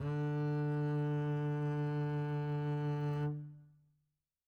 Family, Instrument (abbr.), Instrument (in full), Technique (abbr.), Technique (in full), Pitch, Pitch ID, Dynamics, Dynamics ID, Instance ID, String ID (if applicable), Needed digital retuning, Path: Strings, Cb, Contrabass, ord, ordinario, D3, 50, mf, 2, 2, 3, FALSE, Strings/Contrabass/ordinario/Cb-ord-D3-mf-3c-N.wav